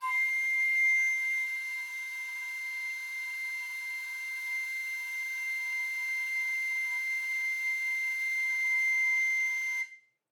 <region> pitch_keycenter=96 lokey=96 hikey=98 volume=15.330327 offset=248 ampeg_attack=0.005000 ampeg_release=0.300000 sample=Aerophones/Edge-blown Aerophones/Baroque Soprano Recorder/Sustain/SopRecorder_Sus_C6_rr1_Main.wav